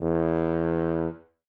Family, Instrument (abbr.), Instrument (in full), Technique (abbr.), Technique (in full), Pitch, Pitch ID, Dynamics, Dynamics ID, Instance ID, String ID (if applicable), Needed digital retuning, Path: Brass, BTb, Bass Tuba, ord, ordinario, E2, 40, ff, 4, 0, , TRUE, Brass/Bass_Tuba/ordinario/BTb-ord-E2-ff-N-T10u.wav